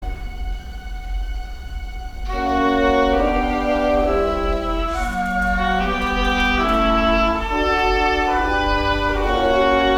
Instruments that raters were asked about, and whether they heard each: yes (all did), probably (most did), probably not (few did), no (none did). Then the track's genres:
violin: probably
Classical